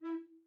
<region> pitch_keycenter=64 lokey=64 hikey=64 tune=1 volume=16.981894 offset=214 ampeg_attack=0.004000 ampeg_release=10.000000 sample=Aerophones/Edge-blown Aerophones/Baroque Bass Recorder/Staccato/BassRecorder_Stac_E3_rr1_Main.wav